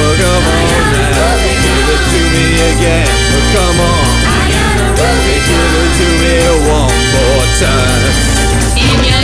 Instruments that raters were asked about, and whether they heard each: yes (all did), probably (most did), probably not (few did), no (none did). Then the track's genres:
voice: yes
Lo-Fi; Experimental